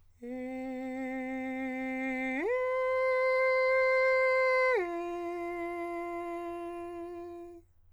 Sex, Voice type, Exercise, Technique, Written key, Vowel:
male, countertenor, long tones, straight tone, , e